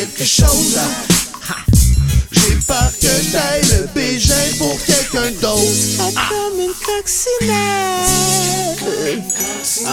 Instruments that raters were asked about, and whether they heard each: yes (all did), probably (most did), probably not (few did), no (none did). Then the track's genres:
clarinet: no
Electronic; Hip-Hop; Experimental